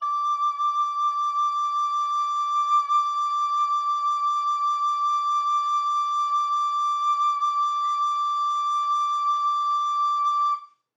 <region> pitch_keycenter=86 lokey=86 hikey=87 volume=15.156688 offset=512 ampeg_attack=0.004000 ampeg_release=0.300000 sample=Aerophones/Edge-blown Aerophones/Baroque Alto Recorder/SusVib/AltRecorder_SusVib_D5_rr1_Main.wav